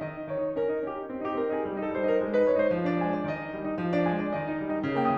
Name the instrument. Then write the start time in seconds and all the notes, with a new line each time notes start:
piano
0.00 D#3 D#5
0.15 D#4
0.28 D#3 C#5
0.44 D#4
0.59 C#4 A#4
0.71 D#4
0.84 C#4 G4
0.98 D#4
1.09 C4
1.18 D#4 G4
1.34 C4 A#4
1.50 D#4 G#4
1.65 G3
1.78 D#4 A4
1.90 G3 C5
2.03 D#4 A#4
2.17 G#3
2.31 D#4 B4
2.44 G#3 C#5
2.57 D#4 C5
2.72 F3
2.87 D4 D5
3.00 G#3 G#5
3.10 D4 D5
3.24 D#3 D#5
3.38 D#4
3.52 G3
3.65 D#4
3.80 F3
3.94 D4 D5
4.06 G#3 G#5
4.23 D4 D5
4.34 D#3 D#5
4.48 D#4
4.60 G3
4.73 D#4
4.85 C#3
4.97 A#3 G5
5.10 E3 E6